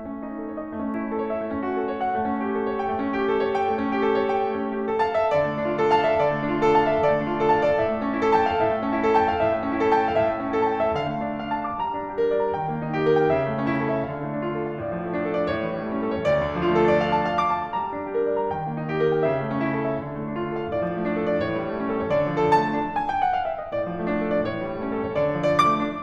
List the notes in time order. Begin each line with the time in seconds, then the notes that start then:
0.00 A3
0.15 C#4
0.23 D#4
0.36 A4
0.48 C#5
0.59 D#5
0.71 A3
0.85 C#4
0.95 E4
1.07 A4
1.17 C#5
1.27 E5
1.38 A3
1.51 C#4
1.68 F#4
1.79 A4
1.89 C#5
2.04 F#5
2.12 A3
2.28 C#4
2.47 G4
2.60 A4
2.68 C#5
2.80 G5
2.91 A3
3.04 C#4
3.15 G4
3.27 A4
3.41 C#5
3.54 G5
3.70 A3
3.84 C#4
3.98 G4
4.10 A4
4.20 C#5
4.35 G5
4.45 A3
4.62 C#4
4.77 E4
4.92 A4
5.02 F5 A5
5.18 E5
5.34 F3 D5
5.49 A3
5.63 D4
5.76 F4 A4
5.93 F5 A5
6.06 E5
6.23 F3 D5
6.39 A3
6.55 D4
6.69 F4 A4
6.82 F5 A5
6.91 E5
7.02 F3 D5
7.11 A3
7.27 D4
7.42 F4 A4
7.57 F5 A5
7.70 D5
7.86 A2 E5
8.03 A3
8.16 C#4
8.27 E4 A4
8.39 G5 A5
8.54 F5
8.66 A2 E5
8.80 A3
8.92 C#4
9.02 E4 A4
9.15 G5 A5
9.29 F5
9.39 A2 E5
9.53 A3
9.68 C#4
9.82 E4 A4
9.97 G5 A5
10.12 F5
10.25 A2 E5
10.41 A3
10.57 C#4 E4 A4
10.66 G5 A5
10.81 E5
10.94 D3 F5
11.11 A3
11.27 D4
11.41 F4 D5
11.55 A5
11.69 D6
11.85 G3 A#5
11.99 D4
12.17 G4
12.29 A#4
12.42 D5
12.50 A#5
12.61 D#3 G5
12.72 A#3
12.88 D#4
12.96 G4
13.08 A#4
13.20 G5
13.32 C#3 E5
13.46 A3
13.58 C#4
13.72 E4
13.78 A4
13.92 E5
14.07 D3 F5
14.21 A3
14.32 D4
14.48 F4
14.59 A4
14.72 F5
14.83 A2 D5
14.95 F3
15.14 A3
15.27 D4
15.39 A4
15.51 D5
15.62 A2 C#5
15.74 E3
15.87 G3
16.01 A3 C#4
16.11 A4
16.21 C#5
16.36 D2 D5
16.49 D3
16.57 F3
16.70 A3
16.80 D4 F4
16.88 A4
17.01 D5
17.12 F5
17.25 A5
17.38 F5
17.52 D6
17.67 A5
17.82 G3 A#5
17.96 D4
18.05 G4
18.19 A#4
18.30 D5
18.45 A#5
18.53 D#3 G5
18.69 A#3
18.84 D#4
18.96 G4
19.08 A#4
19.17 G5
19.32 C#3 E5
19.44 A3
19.60 C#4 E4
19.73 A4
19.82 E5
19.96 D3 F5
20.05 A3
20.20 D4
20.35 F4
20.48 A4
20.56 F5
20.68 A2 D5
20.84 F3
21.00 A3
21.14 D4
21.23 A4
21.35 D5
21.50 A2 C#5
21.58 E3
21.65 G3
21.79 A3 C#4
21.91 A4
22.05 C#5
22.15 D2 D5
22.29 F3
22.37 A4
22.44 A3 A5
22.59 D4
23.01 G#5
23.15 G5
23.25 F#5
23.38 F5
23.51 E5
23.63 D#5
23.77 A2 D5
23.88 F3
24.03 A3
24.15 D4
24.24 A4
24.35 D5
24.46 A2 C#5
24.64 E3
24.75 G3
24.88 A3 C#4
24.98 A4
25.08 C#5
25.18 D2
25.33 F3
25.40 D5
25.47 A3 D6
25.60 D4